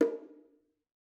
<region> pitch_keycenter=60 lokey=60 hikey=60 volume=6.251612 offset=217 lovel=100 hivel=127 seq_position=1 seq_length=2 ampeg_attack=0.004000 ampeg_release=15.000000 sample=Membranophones/Struck Membranophones/Bongos/BongoH_Hit1_v3_rr1_Mid.wav